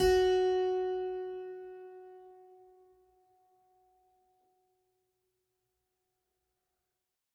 <region> pitch_keycenter=66 lokey=66 hikey=67 volume=-1.140535 trigger=attack ampeg_attack=0.004000 ampeg_release=0.400000 amp_veltrack=0 sample=Chordophones/Zithers/Harpsichord, French/Sustains/Harpsi2_Normal_F#3_rr1_Main.wav